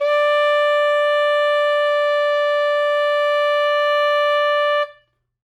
<region> pitch_keycenter=74 lokey=73 hikey=76 volume=4.576767 lovel=84 hivel=127 ampeg_attack=0.004000 ampeg_release=0.500000 sample=Aerophones/Reed Aerophones/Saxello/Non-Vibrato/Saxello_SusNV_MainSpirit_D4_vl3_rr1.wav